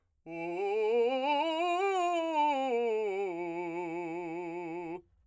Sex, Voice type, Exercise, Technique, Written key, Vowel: male, , scales, fast/articulated forte, F major, u